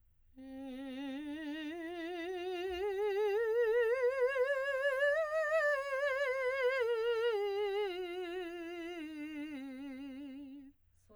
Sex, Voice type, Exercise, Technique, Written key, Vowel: female, soprano, scales, slow/legato piano, C major, e